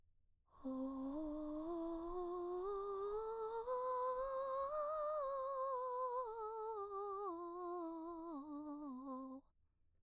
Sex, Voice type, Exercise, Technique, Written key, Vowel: female, mezzo-soprano, scales, breathy, , o